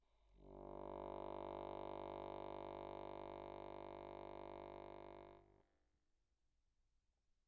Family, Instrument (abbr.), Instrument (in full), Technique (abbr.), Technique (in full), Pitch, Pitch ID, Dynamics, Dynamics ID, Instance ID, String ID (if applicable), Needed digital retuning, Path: Keyboards, Acc, Accordion, ord, ordinario, G1, 31, pp, 0, 0, , FALSE, Keyboards/Accordion/ordinario/Acc-ord-G1-pp-N-N.wav